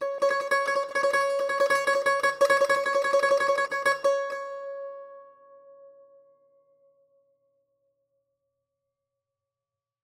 <region> pitch_keycenter=73 lokey=73 hikey=74 volume=7.733732 offset=398 ampeg_attack=0.004000 ampeg_release=0.300000 sample=Chordophones/Zithers/Dan Tranh/Tremolo/C#4_Trem_1.wav